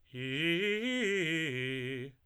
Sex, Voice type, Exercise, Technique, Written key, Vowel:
male, tenor, arpeggios, fast/articulated piano, C major, i